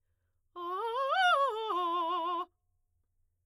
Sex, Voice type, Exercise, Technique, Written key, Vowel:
female, soprano, arpeggios, fast/articulated forte, F major, a